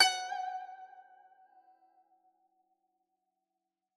<region> pitch_keycenter=78 lokey=77 hikey=79 volume=10.779761 lovel=84 hivel=127 ampeg_attack=0.004000 ampeg_release=0.300000 sample=Chordophones/Zithers/Dan Tranh/Vibrato/F#4_vib_ff_1.wav